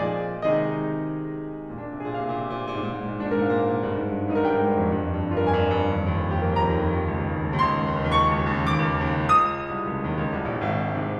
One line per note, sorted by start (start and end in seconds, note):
0.00 0.42 A#2
0.00 0.42 F3
0.00 0.42 G#4
0.00 0.42 D5
0.44 1.70 C3
0.44 1.70 D#3
0.44 1.70 G#3
0.44 1.70 D#4
0.44 1.70 G#4
0.44 1.70 D#5
1.71 1.88 A#2
1.71 1.82 D4
1.78 2.00 C3
1.83 2.00 G#4
1.89 2.08 A#2
2.01 2.16 C3
2.01 3.31 F5
2.09 2.23 A#2
2.16 2.30 C3
2.23 2.39 A#2
2.31 2.48 C3
2.40 2.55 A#2
2.48 2.64 C3
2.57 2.73 A#2
2.65 2.81 C3
2.74 2.90 G#2
2.82 3.03 A#2
2.90 3.12 G#2
3.04 3.24 A#2
3.13 3.31 G#2
3.24 3.39 A#2
3.32 3.48 G#2
3.32 3.44 D#4
3.41 3.58 A#2
3.41 3.58 A#4
3.49 3.63 G#2
3.59 3.69 A#2
3.59 4.21 F5
3.63 3.75 G#2
3.70 3.83 A#2
3.76 3.89 G2
3.83 3.95 G#2
3.89 4.05 G2
3.96 4.13 G#2
4.06 4.21 G2
4.14 4.28 G#2
4.23 4.38 G2
4.23 4.33 D#4
4.30 4.46 G#2
4.30 4.46 A#4
4.39 4.53 G2
4.46 4.67 G#2
4.46 5.29 G5
4.54 4.78 G2
4.68 4.90 G#2
4.79 4.99 F2
4.91 5.07 G2
5.00 5.15 F2
5.09 5.22 G2
5.17 5.29 F2
5.22 5.38 G2
5.31 5.45 F2
5.31 5.41 F4
5.39 5.56 G2
5.39 5.56 A#4
5.46 5.64 F2
5.57 5.74 G2
5.57 6.40 G#5
5.67 5.86 F2
5.75 5.98 G2
5.89 6.06 D#2
5.98 6.19 F2
6.07 6.26 D#2
6.20 6.35 F2
6.27 6.40 D#2
6.36 6.47 F2
6.41 6.56 D#2
6.41 6.52 G4
6.48 6.66 F2
6.52 6.66 A#4
6.57 6.77 D#2
6.66 6.90 F2
6.66 7.55 A#5
6.82 7.02 D#2
6.92 7.15 F2
7.06 7.24 C#2
7.16 7.31 D#2
7.26 7.38 C#2
7.33 7.45 D#2
7.40 7.55 C#2
7.45 7.64 D#2
7.56 7.71 C#2
7.56 8.19 C6
7.65 7.86 D#2
7.73 7.98 C#2
7.87 8.06 D#2
7.99 8.19 C#2
8.07 8.30 D#2
8.22 8.43 C#2
8.22 8.85 C#6
8.30 8.52 D#2
8.44 8.63 C#2
8.56 8.73 D#2
8.65 8.85 C#2
8.74 8.93 D#2
8.86 9.01 C#2
8.86 9.49 D6
8.94 9.14 D#2
9.03 9.21 C#2
9.14 9.39 D#2
9.22 9.49 C#2
9.40 9.58 D#2
9.50 9.66 C#2
9.50 11.19 D#6
9.59 9.73 D#2
9.67 9.82 C#2
9.74 9.86 C2
9.87 10.03 C#2
10.04 10.19 D#2
10.21 10.37 C#2
10.38 10.48 C2
10.50 10.62 A#1
10.63 10.97 G#1
10.98 11.19 G#2
10.98 11.19 C3